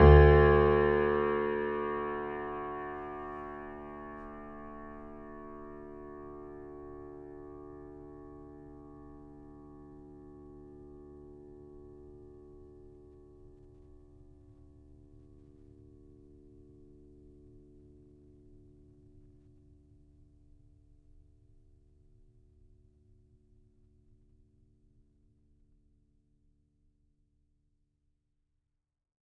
<region> pitch_keycenter=38 lokey=38 hikey=39 volume=1.219137 lovel=66 hivel=99 locc64=0 hicc64=64 ampeg_attack=0.004000 ampeg_release=0.400000 sample=Chordophones/Zithers/Grand Piano, Steinway B/NoSus/Piano_NoSus_Close_D2_vl3_rr1.wav